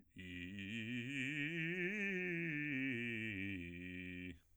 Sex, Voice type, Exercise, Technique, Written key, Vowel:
male, bass, scales, fast/articulated piano, F major, i